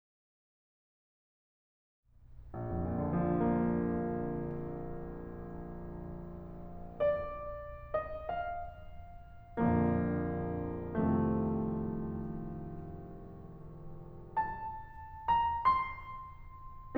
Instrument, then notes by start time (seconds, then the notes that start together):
piano
2.58 A#1
2.74 F2
2.90 A#2
3.05 D3
3.12 F3
3.20 A#3
6.84 D5
7.93 D#5
8.17 F5
9.54 A#1 F2 A#2 D3 F3 A#3
10.74 C2 F2 C3 D#3 F3 A3
14.38 A5
15.44 A#5
15.61 C6